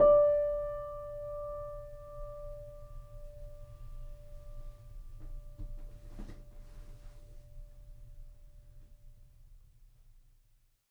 <region> pitch_keycenter=74 lokey=74 hikey=75 volume=2.291518 lovel=0 hivel=65 locc64=0 hicc64=64 ampeg_attack=0.004000 ampeg_release=0.400000 sample=Chordophones/Zithers/Grand Piano, Steinway B/NoSus/Piano_NoSus_Close_D5_vl2_rr1.wav